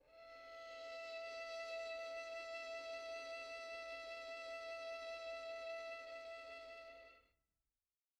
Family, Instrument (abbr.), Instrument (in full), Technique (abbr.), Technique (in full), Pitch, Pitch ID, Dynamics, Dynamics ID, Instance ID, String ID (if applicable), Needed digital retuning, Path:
Strings, Vn, Violin, ord, ordinario, E5, 76, pp, 0, 3, 4, FALSE, Strings/Violin/ordinario/Vn-ord-E5-pp-4c-N.wav